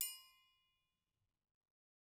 <region> pitch_keycenter=69 lokey=69 hikey=69 volume=16.401231 offset=188 lovel=84 hivel=127 seq_position=2 seq_length=2 ampeg_attack=0.004000 ampeg_release=30.000000 sample=Idiophones/Struck Idiophones/Triangles/Triangle6_Hit_v2_rr2_Mid.wav